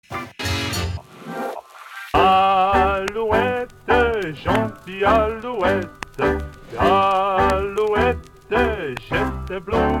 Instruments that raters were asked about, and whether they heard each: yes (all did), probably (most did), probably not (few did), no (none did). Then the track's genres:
accordion: probably not
Hip-Hop Beats; Instrumental